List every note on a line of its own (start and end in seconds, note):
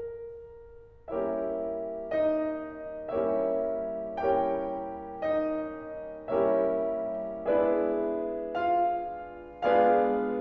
0.00 1.10 A#4
1.14 3.19 G3
1.14 3.19 A#3
1.14 3.19 C#4
1.14 2.11 E4
1.14 3.19 G4
1.14 3.19 A#4
1.14 3.19 C#5
1.14 2.11 E5
2.14 3.19 D#4
2.14 3.19 D#5
3.24 4.24 G3
3.24 4.24 A#3
3.24 4.24 C#4
3.24 4.24 E4
3.24 4.24 G4
3.24 4.24 A#4
3.24 4.24 C#5
3.24 4.24 E5
4.30 6.35 G3
4.30 6.35 A#3
4.30 6.35 C#4
4.30 5.24 E4
4.30 6.35 G4
4.30 6.35 A#4
4.30 6.35 C#5
4.30 5.24 G5
5.25 6.35 D#4
5.25 6.35 D#5
6.39 7.45 G3
6.39 7.45 A#3
6.39 7.45 C#4
6.39 7.45 E4
6.39 7.45 G4
6.39 7.45 A#4
6.39 7.45 C#5
6.39 7.45 E5
7.49 9.53 G#3
7.49 9.53 B3
7.49 9.53 D4
7.49 8.56 E4
7.49 9.53 G#4
7.49 9.53 B4
7.49 8.56 D5
7.49 9.53 E5
8.57 9.53 F4
8.57 9.53 F5
9.54 10.40 G#3
9.54 10.40 B3
9.54 10.40 D4
9.54 10.40 F4
9.54 10.40 G#4
9.54 10.40 B4
9.54 10.40 D5
9.54 10.40 F5